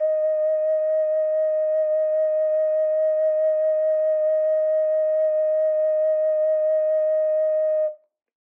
<region> pitch_keycenter=75 lokey=75 hikey=75 volume=2.520636 trigger=attack ampeg_attack=0.004000 ampeg_release=0.200000 sample=Aerophones/Edge-blown Aerophones/Ocarina, Typical/Sustains/SusVib/StdOcarina_SusVib_D#4.wav